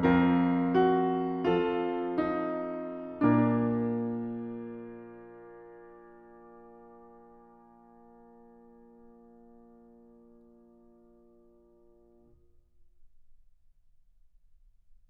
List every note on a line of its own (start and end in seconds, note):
0.00 3.24 F2
0.00 1.51 C4
0.00 0.79 F4
0.00 1.51 A#4
0.79 1.51 F#4
1.51 12.10 F3
1.51 2.31 F4
1.51 3.24 A4
2.31 3.24 D#4
3.24 12.10 A#2
3.24 12.10 A#3
3.24 12.10 D4
3.24 12.10 A#4